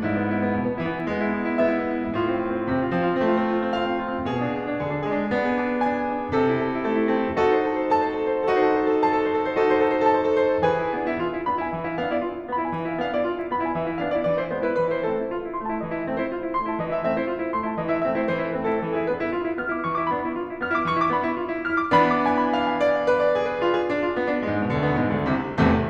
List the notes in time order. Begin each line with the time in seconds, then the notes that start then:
0.00 G#2 E4
0.10 B3
0.19 E4
0.27 B3
0.38 E4
0.46 B3
0.57 B2 E4
0.65 B3
0.73 E4
0.80 E3 B3
0.88 E4
0.98 B3
1.13 G#3 E4
1.21 B3
1.29 E4
1.38 B3
1.47 E4
1.56 B3
1.64 E4 E5
1.74 B3
1.80 E4
1.89 B3
1.97 E4
2.07 B3
2.15 A2 F4
2.23 C4
2.32 F4
2.41 C4
2.51 F4
2.58 C4
2.66 C3 F4
2.74 C4
2.83 F4
2.93 F3 C4
3.01 F4
3.11 C4
3.20 A3 F4
3.29 C4
3.37 F4
3.41 C4
3.49 F4
3.61 C4
3.68 F4 F5
3.75 C4
3.87 F4
3.95 C4
4.03 F4
4.12 C4
4.21 B2 G#4
4.31 D4
4.40 G#4
4.50 D4
4.61 G#4
4.67 D4
4.75 D3 G#4
4.79 D4
4.88 G#4
4.96 G#3 D4
5.05 G#4
5.14 D4
5.25 B3 G#4
5.38 D4
5.47 G#4
5.55 D4
5.64 G#4
5.72 D4
5.82 G#4 G#5
5.91 D4
5.99 G#4
6.07 D4
6.18 G#4
6.26 D4
6.36 C3 A4
6.44 E4
6.52 A4
6.62 E4
6.71 A4
6.79 E4
6.87 A3 A4
6.95 E4
7.04 A4
7.12 C4 E4
7.21 A4
7.30 E4
7.38 D#4 F#4 A4
7.48 C5
7.57 A4
7.66 C5
7.78 A4
7.91 C5
7.99 A4 A5
8.07 C5
8.16 A4
8.25 C5
8.34 A4
8.42 C5
8.50 D#4 F#4 A4
8.57 C5
8.65 A4
8.73 C5
8.84 A4
8.92 C5
9.01 A4 A5
9.10 C5
9.18 A4
9.26 C5
9.36 A4
9.44 C5
9.52 D#4 F#4 A4
9.59 C5
9.67 A4
9.78 C5
9.89 A4
9.96 C5
10.03 A4 A5
10.14 C5
10.24 A4
10.34 C5
10.45 A4
10.54 C5
10.62 E3 G#4 B4 G#5
10.76 E4
10.96 B3 D4
11.05 E4
11.18 F4
11.38 E4
11.49 B3 D4 B5
11.60 E4 G#5
11.73 E3 E5
11.89 E4 F5
12.02 B3 D4 F5
12.12 E4 D5
12.26 F4
12.39 E4
12.52 B3 D4 B5
12.62 E4 G#5
12.76 E3 E5
12.89 E4 F5
13.01 B3 D4 F5
13.14 E4 D5
13.31 F4
13.41 E4
13.54 B3 D4 B5
13.64 E4 G#5
13.76 E3 E5
13.87 E4 F5
14.04 B3 D4 F5
14.14 E4 D5
14.26 E3 D5
14.41 E4 C5
14.51 G#3 B3 C5
14.63 E4 B4
14.78 E3 B4
14.88 E4 C5
15.00 A3 C4 A4
15.15 E4
15.28 F4
15.41 E4
15.52 A3 C4 C6
15.67 E4 A5
15.80 E3 D#5
15.93 E4 E5
16.03 A3 C4 E5
16.17 E4 C5
16.34 F4
16.43 E4
16.56 A3 C4 C6
16.70 E4 A5
16.80 E3 D#5
16.93 E4 E5
17.07 A3 C4 E5
17.17 E4 C5
17.31 F4
17.41 E4
17.53 A3 C4 C6
17.65 E4 A5
17.77 E3 D#5
17.93 E4 E5
18.04 A3 C4 E5
18.17 E4 C5
18.30 E3 C5
18.41 E4 B4
18.54 A3 C4 B4
18.67 E4 A4
18.87 E3 A4
18.98 E4 G#4
19.11 B3 D4 B4
19.19 E4
19.32 F4
19.46 E4
19.59 B3 D4 F6
19.70 E4 D6
19.82 E3 C#6
19.96 E4 D6
20.09 B3 D4 B5
20.22 E4
20.34 F4
20.47 E4
20.60 B3 D4 F6
20.72 E4 D6
20.84 E3 C#6
20.94 E4 D6
21.11 B3 D4 B5
21.25 E4
21.37 F4
21.49 E4
21.66 B3 D4 F6
21.78 E4 D6
21.90 E3 B3 D4 B5
22.08 D6
22.24 G#5
22.40 B5
22.58 F5
22.69 G#5
22.80 D5
22.93 F5
23.06 B4
23.20 D5
23.34 G#4
23.50 B4
23.64 F4
23.75 G#4
23.88 D4
24.03 F4
24.17 B3
24.31 D4
24.46 G#2 G#3
24.64 B2 B3
24.79 D2 D3
24.92 B2 B3
25.02 G#2 G#3
25.14 D2 D3
25.26 C2 C3
25.57 C2 E2 A2 C3 E3 A3